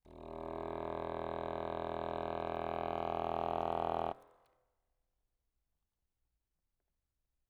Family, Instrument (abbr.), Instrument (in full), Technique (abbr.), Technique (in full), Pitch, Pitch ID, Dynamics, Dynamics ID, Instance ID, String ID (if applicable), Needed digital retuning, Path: Keyboards, Acc, Accordion, ord, ordinario, E1, 28, ff, 4, 0, , TRUE, Keyboards/Accordion/ordinario/Acc-ord-E1-ff-N-T20u.wav